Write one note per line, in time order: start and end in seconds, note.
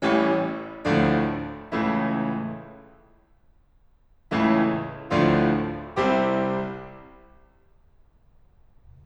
0.00 0.35 A1
0.00 0.35 A2
0.00 0.35 E3
0.00 0.35 G3
0.00 0.35 C#4
0.91 1.28 D2
0.91 1.28 A2
0.91 1.28 D3
0.91 1.28 F3
0.91 1.28 A3
0.91 1.28 D4
1.66 1.99 C#2
1.66 1.99 A2
1.66 1.99 C#3
1.66 1.99 E3
1.66 1.99 A3
1.66 1.99 E4
4.33 4.70 C#2
4.33 4.70 A2
4.33 4.70 C#3
4.33 4.70 E3
4.33 4.70 A3
4.33 4.70 E4
5.15 5.56 D2
5.15 5.56 A2
5.15 5.56 D3
5.15 5.56 F3
5.15 5.56 A3
5.15 5.56 D4
5.15 5.56 F4
5.91 6.35 C2
5.91 6.35 C3
5.91 6.35 G3
5.91 6.35 C4
5.91 6.35 E4
5.91 6.35 G4